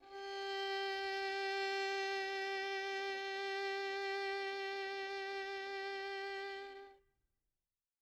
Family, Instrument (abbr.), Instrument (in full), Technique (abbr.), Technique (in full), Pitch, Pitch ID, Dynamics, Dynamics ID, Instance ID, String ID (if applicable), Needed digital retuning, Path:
Strings, Vn, Violin, ord, ordinario, G4, 67, mf, 2, 3, 4, FALSE, Strings/Violin/ordinario/Vn-ord-G4-mf-4c-N.wav